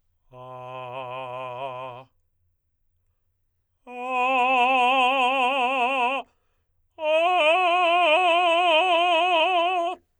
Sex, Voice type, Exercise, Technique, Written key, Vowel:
male, tenor, long tones, full voice forte, , a